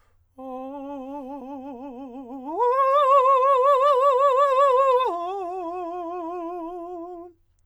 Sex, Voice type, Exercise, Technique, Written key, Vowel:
male, countertenor, long tones, trill (upper semitone), , o